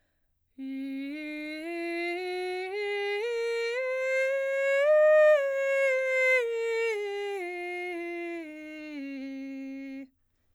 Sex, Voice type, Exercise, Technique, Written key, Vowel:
female, soprano, scales, breathy, , i